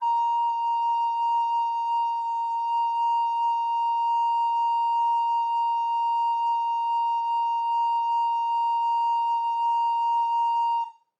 <region> pitch_keycenter=82 lokey=82 hikey=83 volume=11.343692 offset=413 ampeg_attack=0.005000 ampeg_release=0.300000 sample=Aerophones/Edge-blown Aerophones/Baroque Soprano Recorder/Sustain/SopRecorder_Sus_A#4_rr1_Main.wav